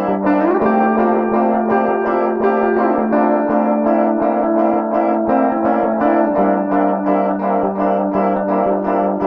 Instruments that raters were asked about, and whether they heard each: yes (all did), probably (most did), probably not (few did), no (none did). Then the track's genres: trombone: no
Ambient; Minimalism; Instrumental